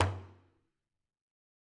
<region> pitch_keycenter=62 lokey=62 hikey=62 volume=16.598735 lovel=84 hivel=127 seq_position=1 seq_length=2 ampeg_attack=0.004000 ampeg_release=15.000000 sample=Membranophones/Struck Membranophones/Frame Drum/HDrumL_HitMuted_v3_rr1_Sum.wav